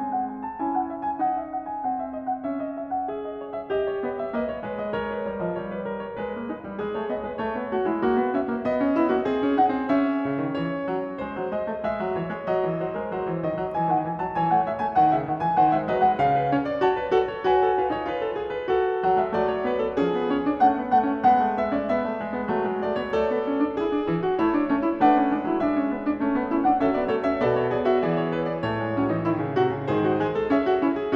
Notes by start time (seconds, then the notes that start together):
0.00 G#3 C4 G#5
0.12 F#5
0.29 G#5
0.45 A5
0.62 C#4 E4 G#5
0.73 F#5
0.88 E5
1.03 G#5
1.22 D#4 F#5
1.40 E5
1.54 F#5
1.68 G#5
1.86 C4 F#5
1.97 E5
2.14 D#5
2.26 F#5
2.46 C#4 E5
2.62 D#5
2.74 E5
2.93 F#5
3.09 G#4 E5
3.25 D#5
3.38 C#5
3.52 E5
3.68 G4 D#5
3.88 C#5
4.03 B3 D#5
4.14 E5
4.34 A#3 B4 D#5
4.46 C#5
4.62 G#3 B4
4.82 D#5
5.02 A#4 C#5
5.14 B4
5.28 G3 C#5
5.42 F3 D#5
5.63 G3 C#5
5.76 B4
5.93 A#4
6.06 C#5
6.20 G#3 B4
6.32 A#3
6.48 G#3 D#4
6.61 G3
6.77 G#3 G#4
6.93 A#3 C#5
7.09 B3 D#5
7.22 G#3 B4
7.38 A3 C#5
7.53 B3
7.69 A3 F#4
7.85 G#3 E4
8.03 A#3 F#4
8.16 B3
8.34 C#4 E5
8.53 A#3
8.64 B3 D#5
8.80 C#4
8.97 B3 E4
9.15 A#3 F#4
9.28 C4 G#4
9.44 C#4
9.57 D#4 F#5
9.73 C4
9.89 C#4 E5
10.26 C#3
10.41 D#3
10.57 E3 C#5
10.88 F#3
11.20 G#3 C5
11.33 F#3
11.52 G#3 D#5
11.67 A3
11.81 G#3 E5
11.98 F#3
12.14 E3 C#5
12.26 G#3
12.46 F#3 D#5
12.63 E3
12.78 F#3 C5
12.96 G#3 A#4
13.08 F#3 C5
13.29 E3
13.42 D#3 D#5
13.58 F#3
13.75 E3 G#5
13.91 D#3 F#5
14.06 E3 G#5
14.20 F#3 A5
14.35 E3 C#5 G#5
14.52 A3 F#5
14.70 G#3 E5
14.83 A3 G#5
15.01 D#3 F#5
15.17 C#3 E5
15.33 D#3 F#5
15.43 E3 G#5
15.56 D#3 C5 F#5
15.70 G#3 E5
15.87 F#3 B4 D#5
15.96 G#3 F#5
16.17 C#3 F5
16.36 B4
16.51 C#4 C#5
16.66 D5
16.85 F#4 C#5 A5
16.96 B4
17.14 F#4 A4
17.30 C#5
17.47 F#4 B4 G#5
17.64 A4
17.79 F4 B4
17.93 D#4 C#5
18.09 F4 B4
18.20 A4
18.40 G#4
18.53 B4
18.70 F#4 A4
19.02 F#3 F#5
19.18 G#3 E5
19.33 F#3 A3 D5
19.50 C#5
19.64 B3 B4
19.78 A4
19.96 F3 C#4 G#4
20.15 B3
20.32 C#4 C#5
20.45 D4
20.57 A3 C#4 F#5
20.75 B3
20.86 A3 F#5
21.04 C#4
21.16 G#3 B3 F#5
21.35 A3
21.55 B3 E5
21.72 C#4 D5
21.88 B3 E5
22.07 A3
22.20 G#3
22.33 B3
22.50 F#3 A3
22.59 G#3
22.76 A3 D5
22.96 B3 C#5
23.14 A3 A4 D5
23.27 B3
23.39 C#4
23.57 D4
23.75 E4 G#4
23.94 D4
24.06 E3 E4
24.23 F#4
24.39 A3 E4 C#5
24.56 D4
24.67 A3 C#4
24.82 E4
25.00 A3 D4 B4 F#5
25.15 C#4
25.32 G#3 D4
25.43 F#3 E4
25.60 G#3 D4 E5
25.76 C#4
25.95 B3 D4
26.17 A3 C#4
26.34 B3
26.51 C#4 E4
26.63 D4 F#5
26.81 F#3 C#4 A4 E5
26.94 B3 D5
27.11 A3 A4 C#5
27.27 C#4 E5
27.38 B2 B3 A4 D5
27.55 C#5
27.70 G#4 D5
27.84 F#4 E5
28.03 E3 G#4 D5
28.15 C#5
28.33 B4
28.49 D5
28.64 A2 A3 C#5
28.80 G#3
28.96 F#3 C#4
29.08 E3 D#4
29.21 D#3 E4
29.40 C#3
29.55 C3 F#4
29.71 C#3
29.88 G#2 D#3 G#4 C5
30.04 F#4
30.17 G#3 G#4
30.30 A4
30.48 C#4 G#4 E5
30.66 F#4
30.81 C#4 E4
30.94 G#4